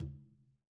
<region> pitch_keycenter=65 lokey=65 hikey=65 volume=22.337547 lovel=55 hivel=83 seq_position=2 seq_length=2 ampeg_attack=0.004000 ampeg_release=15.000000 sample=Membranophones/Struck Membranophones/Conga/Tumba_HitN_v2_rr2_Sum.wav